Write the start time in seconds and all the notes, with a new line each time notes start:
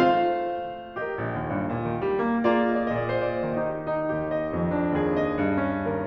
0.00 A3 F4 C5 F5
1.01 G4 A#4 D#5
1.17 A#1
1.37 D#2
1.52 G2
1.70 A#2
1.89 D#3
2.09 G3
2.32 A3
2.58 A#3 F4 G#4 D5
2.67 D#5
2.76 D5
2.87 D#5
2.96 A#2 D5
3.12 D#5
3.26 C5
3.46 D5
3.56 D#3 D#4 G4 D#5
3.87 D#4
4.13 D#2 G4
4.32 D#5
4.57 F2
4.75 D4
4.95 D#2 G#4
5.20 D#5
5.40 G2
5.68 C#4